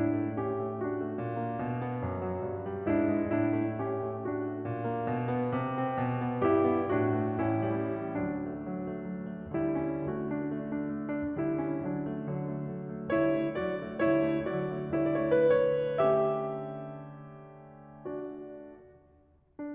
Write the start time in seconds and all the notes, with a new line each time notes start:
0.00 A2 D4 E4
0.21 A3
0.43 C#4 G4
0.64 A3
0.80 D4 F#4
0.99 A3
1.16 A#2
1.42 A#3
1.58 B2
1.83 B3
2.08 F#2
2.32 F#3
2.51 G2
2.72 G3
2.90 G#2 D4 E4
3.08 G#3
3.29 A2 D4 E4
3.49 A3
3.82 C#4 G4
3.99 A3
4.24 D4 F#4
4.45 A3
4.63 A#2
4.83 A#3
5.11 B2
5.31 B3
5.54 C3
5.75 C4
5.97 B2
6.21 B3
6.46 G2 E4 G4
6.72 B3
6.92 A2 D4 F#4
7.15 A3
7.40 A1 C#4 E4
7.62 G3
8.16 D2 F#3 D4
8.36 A3
8.71 F#3
8.88 A3
9.09 F#3
9.31 A3
9.49 D3 G3 E4
9.79 C#4
10.05 D3 A3 F#4
10.24 D4
10.43 A3
10.61 D4
10.81 A3
11.08 D4
11.33 D3 G3 E4
11.53 C#4
11.78 D3 F#3 D4
12.00 A3
12.32 F#3
12.53 A3
12.74 F#3
13.03 A3
13.21 D3 G3 E4 C#5
13.37 A3
13.58 F#3 D4 D5
13.85 A3
14.05 D3 G3 E4 C#5
14.30 A3
14.55 F#3 D4 D5
14.77 A3
14.98 D3 G3 E4 C#5
15.27 D5
15.50 A3 B4
15.69 C#5
16.01 D3 A3 C#4 G4 E5
18.05 D4 F#4 D5
19.25 D4